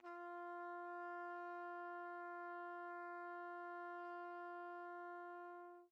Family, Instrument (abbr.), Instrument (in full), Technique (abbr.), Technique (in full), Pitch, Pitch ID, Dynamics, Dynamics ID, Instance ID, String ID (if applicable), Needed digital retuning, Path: Brass, TpC, Trumpet in C, ord, ordinario, F4, 65, pp, 0, 0, , TRUE, Brass/Trumpet_C/ordinario/TpC-ord-F4-pp-N-T12u.wav